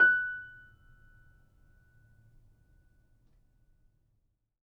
<region> pitch_keycenter=90 lokey=90 hikey=91 volume=-0.388851 lovel=0 hivel=65 locc64=0 hicc64=64 ampeg_attack=0.004000 ampeg_release=0.400000 sample=Chordophones/Zithers/Grand Piano, Steinway B/NoSus/Piano_NoSus_Close_F#6_vl2_rr1.wav